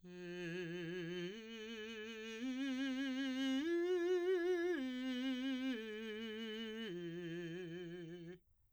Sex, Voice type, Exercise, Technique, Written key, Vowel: male, , arpeggios, slow/legato piano, F major, i